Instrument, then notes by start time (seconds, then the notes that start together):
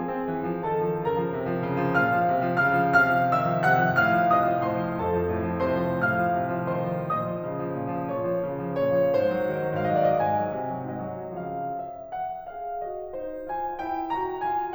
piano
0.00 F3 G#4 G#5
0.15 C4
0.30 E3
0.53 F3
0.68 D#3 A4 A5
0.86 F3
1.00 C#3 A#4 A#5
1.13 F3
1.29 C3
1.45 F3
1.64 C#3
1.83 F3
1.99 A#2 F5 F6
2.16 F3
2.35 C3
2.51 F3
2.64 C#3 F5 F6
2.83 F3
2.98 C3 F5 F6
3.18 F3
3.32 D#3 E5 E6
3.51 F3
3.67 C3 F#5 F#6
3.88 F3
4.04 A2 F5 F6
4.19 F3
4.34 C3 D#5 D#6
4.52 F3
4.68 A2 C5 C6
4.85 F3
5.02 F2 A4 A5
5.17 F3
5.29 A2
5.45 F3
5.65 C3 C5 C6
5.82 F3
6.05 A2 F5 F6
6.20 F3
6.46 C3
6.65 F3
6.85 D#3 C5 C6
7.04 F3
7.20 A#2 D#5 D#6
7.35 F3
7.53 C#3
7.70 F3
7.84 A#2
8.02 F3
8.16 A#2 C#5 C#6
8.29 F3
8.45 C#3
8.65 F3
8.79 A#2 C#5
8.99 F3
9.14 G#2 C5
9.29 F#3
9.43 D#3
9.58 F#3
9.75 G#2 F5
9.96 D#5
10.09 F#3 D5
10.18 D#5
10.26 G#2 G#5
10.60 F#3
10.74 C3
10.89 F#3
11.03 G#2 D#5
11.22 F#3
11.40 C#3 F3 F5
11.77 E5
12.13 F#5
12.46 G#4 F5
12.83 F#4 D#5
13.14 D#4 C5
13.49 F4 G#5
13.80 E4 G5
14.13 F#4 A#5
14.43 F4 G#5